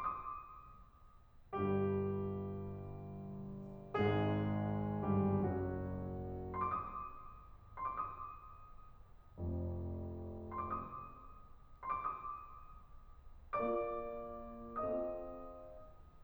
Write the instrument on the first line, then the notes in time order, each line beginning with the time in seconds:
piano
0.30 C6
0.46 D6
0.61 D#6
1.54 G1 G2 G3 G4
3.92 G#1 G#2 G#3 G#4
5.06 G1 G2 G3 G4
5.42 F#1 F#2 F#3 F#4
6.55 C6
6.70 D6
6.84 D#6
7.81 C6
7.98 D6
8.13 D#6
9.38 F1 F2
10.52 C6
10.68 D6
10.84 D#6
11.84 C6
11.99 D6
12.08 D#6
13.55 A#3 F4 A#4 D5 D6
14.79 C4 F4 A4 D#5 D#6